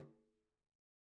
<region> pitch_keycenter=65 lokey=65 hikey=65 volume=34.616063 lovel=0 hivel=83 seq_position=1 seq_length=2 ampeg_attack=0.004000 ampeg_release=15.000000 sample=Membranophones/Struck Membranophones/Frame Drum/HDrumS_HitMuted_v2_rr1_Sum.wav